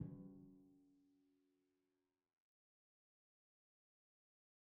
<region> pitch_keycenter=54 lokey=54 hikey=55 tune=-48 volume=34.244449 lovel=0 hivel=65 seq_position=2 seq_length=2 ampeg_attack=0.004000 ampeg_release=30.000000 sample=Membranophones/Struck Membranophones/Timpani 1/Hit/Timpani5_Hit_v2_rr2_Sum.wav